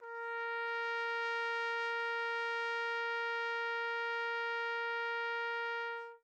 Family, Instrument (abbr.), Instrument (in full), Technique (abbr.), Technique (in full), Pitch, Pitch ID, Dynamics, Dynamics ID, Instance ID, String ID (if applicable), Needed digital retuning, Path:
Brass, TpC, Trumpet in C, ord, ordinario, A#4, 70, mf, 2, 0, , FALSE, Brass/Trumpet_C/ordinario/TpC-ord-A#4-mf-N-N.wav